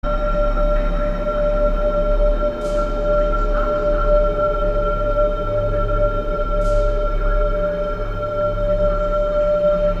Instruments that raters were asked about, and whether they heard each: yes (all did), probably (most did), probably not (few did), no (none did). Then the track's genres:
mallet percussion: no
flute: probably
Avant-Garde; Electronic; Ambient